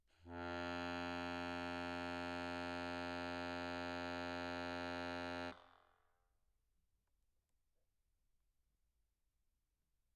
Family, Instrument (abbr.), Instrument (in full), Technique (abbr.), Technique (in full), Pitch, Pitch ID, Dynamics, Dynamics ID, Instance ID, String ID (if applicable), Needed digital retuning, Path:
Keyboards, Acc, Accordion, ord, ordinario, F2, 41, mf, 2, 3, , FALSE, Keyboards/Accordion/ordinario/Acc-ord-F2-mf-alt3-N.wav